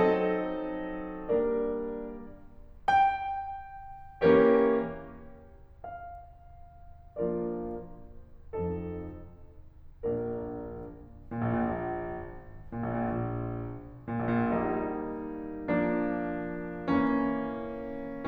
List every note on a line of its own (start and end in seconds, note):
0.00 1.36 F3
0.00 1.36 C4
0.00 1.36 D#4
0.00 1.36 A4
0.00 1.36 D#5
1.37 2.21 G3
1.37 2.21 A#3
1.37 2.21 D4
1.37 2.21 A#4
1.37 2.21 D5
2.87 5.80 G5
4.28 5.14 E3
4.28 5.14 A#3
4.28 5.14 C#4
4.28 5.14 G4
4.28 5.14 A#4
4.28 5.14 C#5
5.82 8.58 F5
7.17 7.80 F3
7.17 7.80 A#3
7.17 7.80 D4
7.17 7.80 F4
7.17 7.80 A#4
7.17 7.80 D5
8.59 9.22 F2
8.59 9.22 F3
8.59 9.22 C4
8.59 9.22 D#4
8.59 9.22 A4
10.05 10.86 A#1
10.05 10.86 A#2
10.05 10.86 A#3
10.05 10.86 D4
10.05 10.86 A#4
11.23 11.39 A#2
11.33 11.52 A#1
11.45 11.63 A#2
11.56 12.40 A#1
12.75 12.95 A#2
12.91 13.04 A#1
12.99 13.12 A#2
13.08 13.77 A#1
14.13 14.29 A#2
14.25 14.41 A#1
14.36 14.51 A#2
14.45 15.10 A#1
14.45 15.70 G3
14.45 15.70 A#3
14.45 15.70 D#4
15.71 16.86 F3
15.71 16.86 A#3
15.71 16.86 D4
16.87 18.25 E3
16.87 18.25 A#3
16.87 18.25 C#4